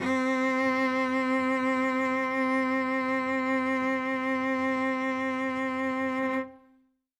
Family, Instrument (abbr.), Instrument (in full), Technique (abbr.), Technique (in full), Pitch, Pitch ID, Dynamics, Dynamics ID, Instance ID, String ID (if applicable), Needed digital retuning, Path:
Strings, Vc, Cello, ord, ordinario, C4, 60, ff, 4, 2, 3, FALSE, Strings/Violoncello/ordinario/Vc-ord-C4-ff-3c-N.wav